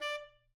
<region> pitch_keycenter=74 lokey=74 hikey=75 tune=-7 volume=22.484957 lovel=0 hivel=83 ampeg_attack=0.004000 ampeg_release=1.500000 sample=Aerophones/Reed Aerophones/Tenor Saxophone/Staccato/Tenor_Staccato_Main_D4_vl1_rr4.wav